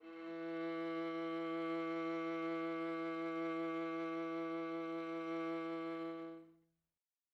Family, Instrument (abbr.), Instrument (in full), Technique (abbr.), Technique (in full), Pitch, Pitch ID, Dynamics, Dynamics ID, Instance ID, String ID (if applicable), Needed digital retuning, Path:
Strings, Va, Viola, ord, ordinario, E3, 52, mf, 2, 3, 4, TRUE, Strings/Viola/ordinario/Va-ord-E3-mf-4c-T19u.wav